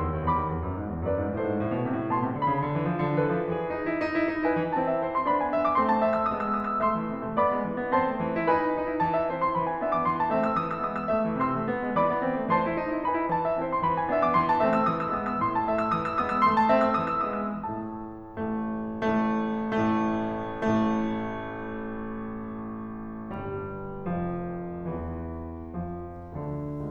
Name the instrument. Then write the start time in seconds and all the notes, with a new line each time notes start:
piano
0.00 E2 C6 E6
0.13 D#2
0.26 E2 B5 D6
0.39 D#2
0.51 E2
0.64 F#2
0.77 G#2
0.92 E2
1.09 F#2 B4 D5
1.20 G#2
1.34 A2 A4 C5
1.42 G#2
1.53 A2
1.67 B2
1.82 C3
1.99 A2
2.14 B2 A5 C6
2.24 C3
2.37 D3 B5
2.52 C#3
2.66 D3
2.75 E3
2.87 F3
3.05 D3
3.26 E3 A4 B4
3.39 F3
3.52 E3 G#4
3.68 D#4
3.84 E4
3.99 D#4
4.11 E4
4.24 D#4
4.42 E4 B4 G#5
4.56 E3
4.73 E3 C4 E4 A5
4.88 E5
5.02 C5
5.12 C6
5.28 B3 D4 B5
5.41 G#5
5.54 E5
5.67 D6
5.77 A3 C4 C6
5.89 A5
6.01 E5
6.13 E6
6.26 G#3 B3 D#6
6.40 E6
6.52 D#6
6.65 E6
6.83 A3 E5 C6 E6
6.95 E3
7.12 C3
7.24 C4
7.37 B3 D5 B5 D6
7.52 G#3
7.65 E3
7.79 D4
7.91 C4 C5 A5 C6
8.05 A3
8.12 E3
8.25 E4
8.44 D#4 B4 G#5 B5
8.57 E4
8.68 D#4
8.85 E4
9.02 E3 A5
9.16 E5
9.30 C4 E4 C5
9.42 C6
9.53 E3 B5
9.67 G#5
9.82 B3 D4 E5
9.94 D6
10.05 E3 C6
10.17 A5
10.27 A3 C4 E5
10.44 E6
10.62 E3 D#6
10.75 E6
10.84 G#3 B3 D#6
10.97 E6
11.12 A3 E5
11.26 E3
11.41 C3 C6 E6
11.55 C4
11.70 B3
11.84 G#3
11.97 E3 D5 B5 D6
12.11 D4
12.26 C4
12.39 A3
12.53 E3 C5 A5 C6
12.64 E4
12.78 D#4
12.92 E4
13.05 D#4 B4 G#5 B5
13.18 E4
13.33 E3 A5
13.46 E5
13.63 C4 E4 C5
13.71 C6
13.83 E3 B5
13.93 G#5
14.06 B3 D4 E5
14.20 D6
14.34 E3 C6
14.50 A5
14.63 A3 C4 E5
14.72 E6
14.83 E3 D#6
14.95 E6
15.14 G#3 B3 D#6
15.28 E6
15.43 A2 C6
15.58 A5
15.71 A3 E5
15.82 E6
15.96 E3 D#6
16.08 E6
16.20 G#3 B3 D#6
16.30 E6
16.42 A3 C6
16.56 A5
16.73 C4 E5
16.93 E6
17.06 E3 D#6
17.22 E6
17.35 G#3 B3 D#6
17.52 E6
17.67 A2 A3 A5
18.26 A1 A2 A3
18.92 A1 A2 A3
19.67 A1 A2 A3
20.34 A1 A2 A3
23.36 G1 G2 G3
24.15 F1 F2 F3
24.93 E1 E2 E3
25.81 F2 F3
26.33 D2 D3